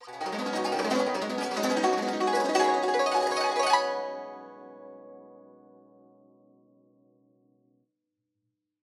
<region> pitch_keycenter=67 lokey=67 hikey=67 volume=3.203966 offset=980 lovel=84 hivel=127 ampeg_attack=0.004000 ampeg_release=0.300000 sample=Chordophones/Zithers/Dan Tranh/Gliss/Gliss_Up_Swl_ff_1.wav